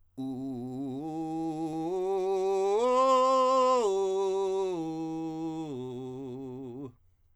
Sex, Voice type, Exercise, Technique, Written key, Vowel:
male, countertenor, arpeggios, belt, , u